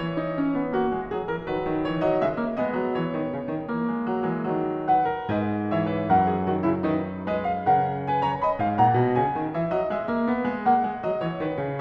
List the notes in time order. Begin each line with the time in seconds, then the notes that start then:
0.00 E3 C#5
0.20 D#4
0.37 C#4
0.55 B3
0.73 A#3 F#4
0.93 G#3
1.13 F#3 G#4
1.27 E3 A#4
1.49 D#3 F#3 B4
1.67 D#3
1.87 E3 C#5
2.01 F#3 D#5
2.22 C#3 G#3 E5
2.39 A#3
2.57 G#3 B3 D#5
2.74 F#3
2.91 E3 C#5
3.09 D#3
3.32 C#3
3.49 D#3
3.68 E3 A#3
3.89 G#3
4.11 F#3
4.26 E3 G#3
4.45 D#3 F#3
4.86 B4 F#5
5.09 A#4
5.29 G#2 B4 D#5
5.74 E3 C#5 E5
5.92 B4
6.10 F#2 A#4 F#5
6.28 G#4
6.50 D#3 F#4
6.61 C#3 E4
6.84 D#3 D#4 B4
7.27 G#3 B4 D#5
7.44 F5
7.70 C#3 A#4 F#5
8.08 B4 G#5
8.27 C#5 A#5
8.42 D#5 B5
8.61 G#2 F5
8.77 A#2 F#5 A#5
8.97 B2
9.17 C#3 G#5
9.35 D#3
9.53 E3 E5
9.68 F#3 D#5
9.88 G#3 E5
10.10 A#3
10.27 B3
10.47 G#3
10.65 A#3 F#5
10.83 G#3
11.01 F#3 D#5
11.22 E3 C#5
11.39 D#3 B4
11.60 C#3